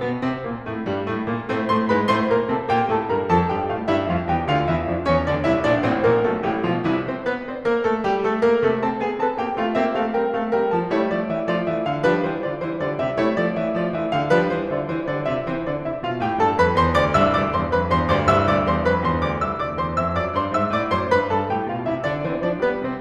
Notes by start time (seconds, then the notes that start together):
0.00 B2 B3
0.22 C3 C4
0.48 A#2 A#3
0.66 A2 A3
0.91 G2 G3
1.10 A2 A3
1.29 A#2 A#3
1.49 A2 A3 C4 C5
1.71 A2 A3 C5 C6
1.88 G#2 G#3 B4 B5
2.07 A2 A3 C5 C6
2.28 A#2 A#3 A#4 A#5
2.48 C3 C4 A4 A5
2.71 A#2 A#3 G4 G5
2.90 A2 A3 A4 A5
3.10 G2 G3 A#4 A#5
3.30 F2 F3 A4 A5
3.56 G2 G3 G4 G5
3.72 A2 A3 F4 F5
3.87 G2 G3 E4 E5
4.09 F2 F3 F4 F5
4.26 E2 E3 G4 G5
4.44 D2 D3 F4 F5
4.66 E2 E3 E4 E5
4.85 F2 F3 D4 D5
5.04 E2 E3 C#4 C#5
5.27 D2 D3 D4 D5
5.43 C2 C3 E4 E5
5.63 A#1 A#2 D4 D5
5.84 A1 A2 C4 C5
6.04 A#1 A#2 A#3 A#4
6.27 B1 B2 A3 A4
6.48 A1 A2 G3 G4
6.68 B1 B2 F3 F4
6.85 C2 C3 E3 E4
7.06 C4 C5
7.23 B3 B4
7.45 C4 C5
7.67 A#3 A#4
7.87 A3 A4
8.03 G3 G4
8.21 A3 A4
8.43 A#3 A#4
8.64 C3 A3 A4
8.82 C4 A4 A5
9.03 B3 C4 G#4 G#5
9.22 C4 A4 A5
9.46 A#3 C4 G4 G5
9.60 A3 C4 F4 F5
9.75 A#3 C4 G4 E5
9.90 A3 C4 A4 F5
10.11 G3 C4 A#4 G5
10.30 A3 C4 A4 F5
10.53 G3 C4 A#4 G5
10.70 F3 C4 C5 A5
10.90 G3 A3 E4 C#5
11.08 F3 A3 F4 D5
11.30 E3 A3 G4 E5
11.49 F3 A3 F4 D5
11.70 E3 A3 G4 E5
11.89 D3 A3 A4 F5
12.07 F3 G3 D4 B4
12.28 E3 G3 E4 C5
12.49 D3 G3 F4 D5
12.69 E3 G3 E4 C5
12.79 D3 G3 F4 D5
12.99 C3 G3 G4 E5
13.20 G3 A3 E4 C#5
13.37 F3 A3 F4 D5
13.55 E3 A3 G4 E5
13.76 F3 A3 F4 D5
13.94 E3 A3 G4 E5
14.14 D3 A3 A4 F5
14.33 F3 G3 D4 B4
14.54 E3 G3 E4 C5
14.71 D3 G3 F4 D5
14.86 E3 G3 E4 C5
15.06 D3 G3 F4 D5
15.23 C3 G3 G4 E5
15.45 E3 C4 C5
15.69 D3 D4 D5
15.91 C3 E4 E5
16.07 B2 F4 F5
16.27 A2 G4 G5
16.40 G2 A4 A5
16.58 F2 B4 B5
16.76 E2 C5 C6
16.99 D2 D5 D6
17.19 C2 G2 E5 E6
17.37 D2 G2 D5 D6
17.53 E2 G2 C5 C6
17.72 F2 G2 B4 B5
17.94 E2 G2 C5 C6
18.16 D2 G2 D5 D6
18.32 C2 G2 E5 E6
18.49 D2 G2 D5 D6
18.69 E2 G2 C5 C6
18.87 F2 G2 B4 B5
19.05 E2 G2 C5 C6
19.27 D2 G2 D5 D6
19.46 C2 E5 E6
19.62 D2 D5 D6
19.77 E2 C5 C6
20.00 F2 E5 E6
20.20 F#2 D5 D6
20.33 G2 C5 C6
20.54 G#2 E5 E6
20.72 A2 D5 D6
20.91 G#2 C5 C6
21.14 G2 B4 B5
21.32 G2 A4 A5
21.49 A2 G4 G5
21.68 B2 F4 F5
21.86 C3 E4 E5
22.07 D3 D4 D5
22.26 E3 C4 C5
22.44 F3 D4 D5
22.62 G3 B3 B4
22.79 C3 C4 C5